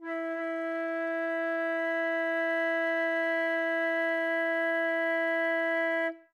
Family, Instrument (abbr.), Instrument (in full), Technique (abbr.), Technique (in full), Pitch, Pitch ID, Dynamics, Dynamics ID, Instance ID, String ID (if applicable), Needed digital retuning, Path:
Winds, Fl, Flute, ord, ordinario, E4, 64, ff, 4, 0, , FALSE, Winds/Flute/ordinario/Fl-ord-E4-ff-N-N.wav